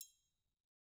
<region> pitch_keycenter=66 lokey=66 hikey=66 volume=23.334479 offset=187 lovel=0 hivel=83 seq_position=2 seq_length=2 ampeg_attack=0.004000 ampeg_release=30.000000 sample=Idiophones/Struck Idiophones/Triangles/Triangle3_HitFM_v1_rr2_Mid.wav